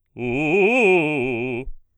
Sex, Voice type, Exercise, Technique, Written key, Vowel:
male, baritone, arpeggios, fast/articulated forte, C major, u